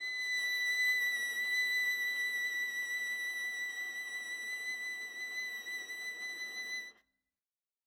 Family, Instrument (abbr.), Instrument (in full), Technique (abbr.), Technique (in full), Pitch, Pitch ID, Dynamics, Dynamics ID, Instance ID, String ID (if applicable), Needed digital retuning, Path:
Strings, Va, Viola, ord, ordinario, B6, 95, ff, 4, 0, 1, TRUE, Strings/Viola/ordinario/Va-ord-B6-ff-1c-T13u.wav